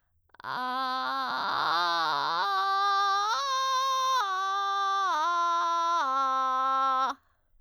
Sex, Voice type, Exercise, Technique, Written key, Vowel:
female, soprano, arpeggios, vocal fry, , a